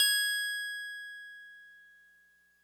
<region> pitch_keycenter=104 lokey=103 hikey=106 volume=10.654192 lovel=100 hivel=127 ampeg_attack=0.004000 ampeg_release=0.100000 sample=Electrophones/TX81Z/FM Piano/FMPiano_G#6_vl3.wav